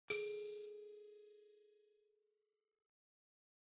<region> pitch_keycenter=68 lokey=68 hikey=68 tune=-32 volume=20.530722 offset=3790 ampeg_attack=0.004000 ampeg_release=30.000000 sample=Idiophones/Plucked Idiophones/Mbira dzaVadzimu Nyamaropa, Zimbabwe, Low B/MBira4_pluck_Main_G#3_7_50_100_rr2.wav